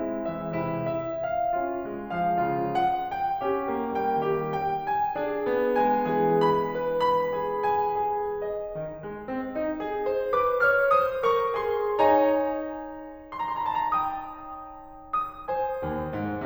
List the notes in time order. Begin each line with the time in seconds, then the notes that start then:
0.00 G#3
0.24 E3 E5
0.59 C3 E4
0.98 E5
1.31 F5
1.66 C#4 F4
1.87 G#3
2.17 F3 F5
2.37 C#3 F4
2.74 F#5
3.13 G5
3.45 C#4 G4
3.74 A#3
4.04 G3 G5
4.26 D#3 G4
4.60 G5
4.84 G#5
5.20 D4 G#4
5.49 B3
5.77 G#3 G#5
6.16 E3 G#4
6.48 B5
6.77 B4
7.15 B5
7.41 G#4
7.67 G#5
8.09 G#4
8.45 D#5
8.79 D#3
9.04 G#3
9.30 C4
9.56 D#4
9.81 G#4
10.11 C5
10.41 B4 D6
10.65 C#5 F6
11.02 C5 D#6
11.33 A#4 C#6
11.62 G#4 C6
11.99 C#4 C#5 G#5 A#5
13.32 A#5
13.42 C6
13.61 A5
13.71 A#5
13.83 G5 D#6
15.12 D#6
15.49 C5 G#5
15.84 D#2
16.13 G#2